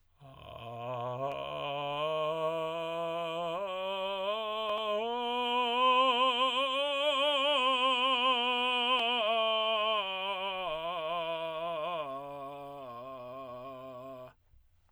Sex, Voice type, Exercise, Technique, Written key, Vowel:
male, tenor, scales, vocal fry, , a